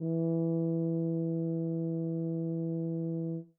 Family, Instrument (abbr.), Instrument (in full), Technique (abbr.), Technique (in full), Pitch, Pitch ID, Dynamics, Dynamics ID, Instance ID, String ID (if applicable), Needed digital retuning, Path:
Brass, BTb, Bass Tuba, ord, ordinario, E3, 52, mf, 2, 0, , TRUE, Brass/Bass_Tuba/ordinario/BTb-ord-E3-mf-N-T23u.wav